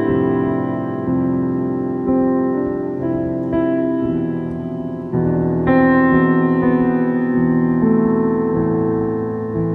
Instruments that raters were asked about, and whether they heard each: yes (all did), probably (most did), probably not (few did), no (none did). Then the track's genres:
piano: yes
drums: no
Pop; Psych-Folk; Experimental Pop